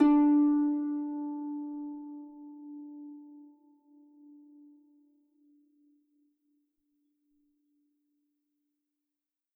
<region> pitch_keycenter=62 lokey=62 hikey=63 tune=-3 volume=6.175502 xfin_lovel=70 xfin_hivel=100 ampeg_attack=0.004000 ampeg_release=30.000000 sample=Chordophones/Composite Chordophones/Folk Harp/Harp_Normal_D3_v3_RR1.wav